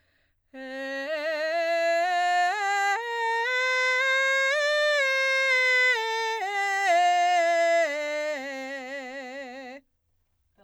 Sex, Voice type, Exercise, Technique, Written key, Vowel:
female, soprano, scales, belt, , e